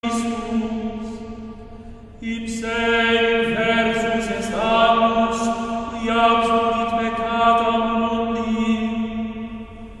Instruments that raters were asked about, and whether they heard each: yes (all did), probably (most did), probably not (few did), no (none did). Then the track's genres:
voice: yes
drums: no
Choral Music